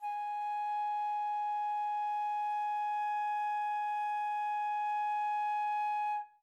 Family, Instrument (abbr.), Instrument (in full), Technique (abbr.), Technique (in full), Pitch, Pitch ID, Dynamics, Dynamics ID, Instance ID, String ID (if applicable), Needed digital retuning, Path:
Winds, Fl, Flute, ord, ordinario, G#5, 80, mf, 2, 0, , FALSE, Winds/Flute/ordinario/Fl-ord-G#5-mf-N-N.wav